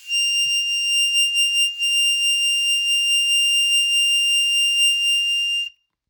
<region> pitch_keycenter=101 lokey=98 hikey=102 volume=5.738648 trigger=attack ampeg_attack=0.100000 ampeg_release=0.100000 sample=Aerophones/Free Aerophones/Harmonica-Hohner-Special20-F/Sustains/Vib/Hohner-Special20-F_Vib_F6.wav